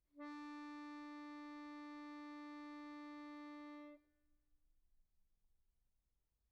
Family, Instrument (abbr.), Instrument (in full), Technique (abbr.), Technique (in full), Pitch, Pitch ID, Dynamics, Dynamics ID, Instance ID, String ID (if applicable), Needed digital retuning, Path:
Keyboards, Acc, Accordion, ord, ordinario, D4, 62, pp, 0, 0, , FALSE, Keyboards/Accordion/ordinario/Acc-ord-D4-pp-N-N.wav